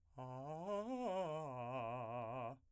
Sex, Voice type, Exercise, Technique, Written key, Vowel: male, , arpeggios, fast/articulated piano, C major, a